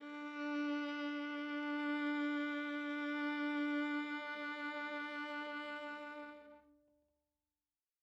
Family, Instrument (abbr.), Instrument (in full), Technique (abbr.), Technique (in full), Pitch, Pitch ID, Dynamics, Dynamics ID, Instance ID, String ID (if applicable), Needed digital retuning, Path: Strings, Va, Viola, ord, ordinario, D4, 62, mf, 2, 3, 4, FALSE, Strings/Viola/ordinario/Va-ord-D4-mf-4c-N.wav